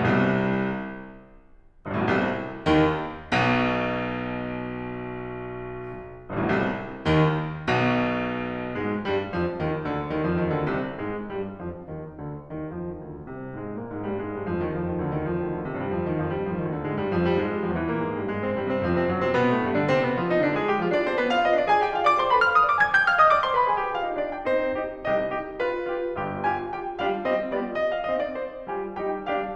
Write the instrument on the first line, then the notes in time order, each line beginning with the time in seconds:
piano
0.01 C2 C3
1.87 G1 G2
1.93 A1 A2
2.00 B1 B2
2.09 C2 C3
2.66 D#2 D#3
3.26 B1 B2
6.30 G1 G2
6.39 A1 A2
6.47 B1 B2
6.56 C2 C3
7.07 D#2 D#3
7.66 B1 B2
8.74 G#2 G#3
9.07 G2 G3
9.35 F2 F3
9.59 D#2 D#3
9.90 D2 D3
10.17 D#2 D#3
10.31 F2 F3
10.43 D#2 D#3
10.57 D2 D3
10.69 C2 C3
11.05 G#2 G#3
11.31 G2 G3
11.59 F2 F3
11.85 D#2 D#3
12.21 D2 D3
12.52 D#2 D#3
12.74 F2 F3
12.93 D#2 D#3
13.12 D2 D3
13.33 C2 C3
13.57 G#2 G#3
13.75 A#2 A#3
13.91 G#2 G#3
14.06 G2 G3
14.25 G#2 G#3
14.37 G2 G3
14.48 F2 F3
14.58 D#2 D#3
14.70 F2 F3
14.84 D#2 D#3
14.99 D2 D3
15.21 D#2 D#3
15.31 F2 F3
15.45 D#2 D#3
15.56 D2 D3
15.69 C2 C3
15.79 G2 G3
15.99 F2 F3
16.13 D#2 D#3
16.25 F2 F3
16.37 G2 G3
16.47 F2 F3
16.63 D#2 D#3
16.74 D2 D3
16.86 G#2 G#3
16.99 G2 G3
17.17 F2 F3
17.33 G2 G3
17.45 G#2 G#3
17.55 G2 G3
17.67 F2 F3
17.80 E2 E3
17.95 A#2 A#3
18.05 G#2 G#3
18.19 G2 G3
18.31 G#2 G#3
18.44 C3 C4
18.55 G2 G3
18.69 C3 C4
18.80 F2 F3
18.89 C3 C4
19.10 F#2 F#3
19.23 C3 C4
19.37 B2 B3
19.49 A2 A3
19.64 G2 G3
19.76 D3 D4
19.88 C3 C4
20.02 B2 B3
20.19 F3 F4
20.34 D#3 D#4
20.50 D3 D4
20.62 G#3 G#4
20.72 G3 G4
20.85 F3 F4
20.97 D4 D5
21.10 C4 C5
21.21 B3 B4
21.33 F4 F5
21.43 D#4 D#5
21.54 D4 D5
21.68 G#4 G#5
21.84 G4 G5
21.94 F4 F5
22.06 D5 D6
22.18 C5 C6
22.30 B4 B5
22.45 F5 F6
22.58 D#5 D#6
22.72 D5 D6
22.80 G#5 G#6
22.94 G5 G6
23.06 F5 F6
23.21 D#5 D#6
23.31 D5 D6
23.45 C5 C6
23.58 B4 B5
23.70 G#4 G#5
23.84 G4 G5
23.94 F4 F5
24.04 D#4 D#5
24.16 D4 D5
24.31 G4 G5
24.44 C4 D#4 G4 C5
24.80 D#4 G4
25.10 C2 C3 D#4 G4 D#5
25.34 D#4 G4
25.58 F4 G4 B4
25.90 F4 G4
26.19 G1 G2 F4 G4
26.45 F4 G4 G#5
26.74 F4 G4 G5
27.02 G3 D4 F4 G4 F5
27.26 G3 C4 F4 G4 D#5
27.53 G3 B3 F4 G4 D5
27.76 D#5
27.91 F5
28.04 D#5
28.17 D5
28.29 C4 D#4 G4 C5
28.62 G3 F4 G4 G#5
28.93 G3 D#4 G4 G5
29.30 G3 D4 G4 B4 F5